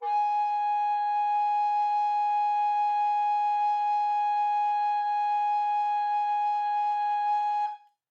<region> pitch_keycenter=80 lokey=80 hikey=80 volume=12.454909 offset=429 ampeg_attack=0.004000 ampeg_release=0.300000 sample=Aerophones/Edge-blown Aerophones/Baroque Tenor Recorder/Sustain/TenRecorder_Sus_G#4_rr1_Main.wav